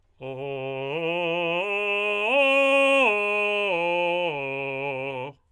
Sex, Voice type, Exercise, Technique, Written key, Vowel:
male, tenor, arpeggios, belt, , o